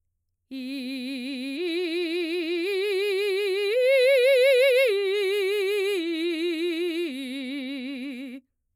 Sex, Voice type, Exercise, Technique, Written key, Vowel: female, mezzo-soprano, arpeggios, vibrato, , i